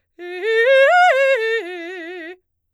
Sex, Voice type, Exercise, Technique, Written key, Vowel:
female, soprano, arpeggios, fast/articulated forte, F major, e